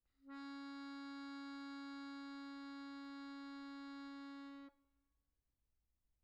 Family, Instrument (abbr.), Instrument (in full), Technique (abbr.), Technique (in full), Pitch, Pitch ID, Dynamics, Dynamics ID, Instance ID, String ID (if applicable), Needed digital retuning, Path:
Keyboards, Acc, Accordion, ord, ordinario, C#4, 61, pp, 0, 1, , FALSE, Keyboards/Accordion/ordinario/Acc-ord-C#4-pp-alt1-N.wav